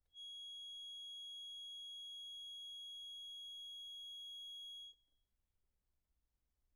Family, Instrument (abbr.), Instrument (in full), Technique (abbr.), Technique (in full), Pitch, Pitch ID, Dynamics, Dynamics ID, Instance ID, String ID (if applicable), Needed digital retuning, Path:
Keyboards, Acc, Accordion, ord, ordinario, G#7, 104, pp, 0, 0, , TRUE, Keyboards/Accordion/ordinario/Acc-ord-G#7-pp-N-T11d.wav